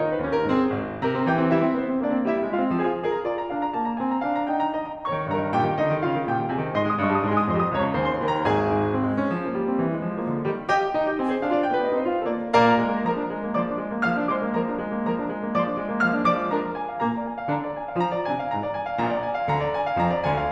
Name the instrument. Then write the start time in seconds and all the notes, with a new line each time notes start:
piano
0.01 D#3 D#4 G#4
0.10 C5
0.25 D#2 C#4 G4
0.37 A#4
0.49 G#2 C4 G#4
0.75 G#1
1.02 C3 A#4 A#5
1.13 C4
1.32 E3 G4 G5
1.42 C4
1.53 G3 E4 E5
1.65 C4
1.76 B3 C5
1.91 C4
2.01 A#3 D4 D5
2.17 C4
2.29 G3 E4 E5
2.42 C4
2.53 G#3 F4 F5
2.63 C4
2.75 F3 G#4 G#5
2.86 C4
2.99 G#4 C5
3.09 A#5
3.28 F4 D5
3.40 A#5
3.51 D4 F5
3.64 A#5
3.76 A#3 A5
3.87 A#5
3.98 C4 G#5
4.09 A#5
4.34 D4 F5
4.43 A#5
4.56 D#4 G5
4.77 A#5
4.87 G4 D#5
5.00 A#5
5.09 D#2 C#5 C#6
5.23 D#3
5.36 G2 A#4 A#5
5.45 D#3
5.58 A#2 G4 G5
5.71 D#3
5.81 D3 D#4 D#5
5.95 D#3
6.04 C#3 F4 F5
6.16 D#3
6.30 A#2 G4 G5
6.41 D#3
6.52 C3 G#4 G#5
6.61 D#3
6.73 G#2 D#5 G#5 C6
6.86 G#3 D#6
6.95 G2 D#5 G#5 C6
7.11 G3 D#6
7.22 G#2 D#5 G#5 C6
7.39 G#3 D#6
7.54 F2 D#5 C6
7.69 F3 D#6
7.80 C#2 C#5 A#5
7.89 C#3 C#6
8.02 D#2 C5 G#5
8.17 D#3 C6
8.27 D#2 A#4 G5
8.36 D#3 A#5
8.47 A#1 G#4 G#5
8.68 G#2
8.92 C4
9.03 G#3
9.15 C#4
9.34 F3
9.47 A#3
9.57 G3
9.71 C4
9.86 E3
9.99 G#3
10.11 F3
10.20 A#3
10.33 D3
10.50 D#3 G3
10.72 G4 A#4 D#5 G5
10.99 D#4 G5
11.12 G4 D#5
11.22 C4 G#5
11.33 G#4 C5
11.45 D4 F5
11.56 F4 D5
11.69 B3 G5
11.74 G4 B4
11.84 C4 D#5
11.93 D#4 C5
12.02 A3 F5
12.15 F4 A4
12.30 A#3 D5
12.58 A#2 A#3 A#4 D5 F5 A#5
12.78 G#3
12.88 A#3
13.02 F3 A#4 A#5
13.16 D4
13.31 G#3
13.50 A#3
13.60 F3 D5 D6
13.68 D4
13.78 G#3
13.88 A#3
14.00 F3 F5 F6
14.10 D4
14.24 G#3 D5 D6
14.39 A#3
14.55 F3 A#4 A#5
14.65 D4
14.79 G#3
14.89 A#3
15.04 F3 A#4 A#5
15.19 D4
15.33 G#3
15.42 A#3
15.52 F3 D5 D6
15.64 D4
15.80 G#3
15.89 A#3
16.04 F3 F5 F6
16.16 D4
16.27 G#3 D5 D6
16.39 A#3
16.48 F3 A#4 A#5
16.62 D4
16.78 G#5
16.90 F5
17.01 A#2 A#3 A#5
17.17 D5
17.29 G#5
17.41 F5
17.53 D3 D4 A#5
17.63 D5
17.76 G#5
17.87 F5
18.02 F3 F4 A#5
18.15 D5
18.30 D3 D4 G#5
18.43 F5
18.55 A#2 A#3 A#5
18.65 D5
18.74 G#5
18.84 F5
19.02 A#1 A#2 A#5
19.15 D5
19.26 G#5
19.38 F5
19.49 D2 D3 A#5
19.63 D5
19.73 G#5
19.88 F5
20.00 F2 F3 A#5
20.14 D5
20.27 D2 D3 G#5
20.39 F5